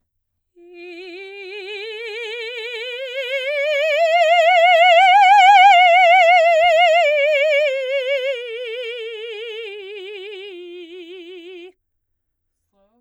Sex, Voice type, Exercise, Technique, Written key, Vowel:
female, soprano, scales, slow/legato forte, F major, i